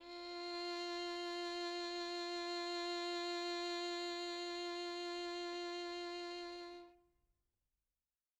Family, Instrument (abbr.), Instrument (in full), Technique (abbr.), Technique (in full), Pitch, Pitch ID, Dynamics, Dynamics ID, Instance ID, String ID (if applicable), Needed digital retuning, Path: Strings, Vn, Violin, ord, ordinario, F4, 65, mf, 2, 2, 3, FALSE, Strings/Violin/ordinario/Vn-ord-F4-mf-3c-N.wav